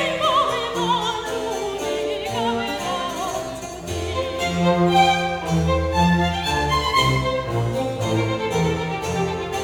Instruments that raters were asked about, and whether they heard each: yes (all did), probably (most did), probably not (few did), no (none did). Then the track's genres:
violin: probably
Classical; Chamber Music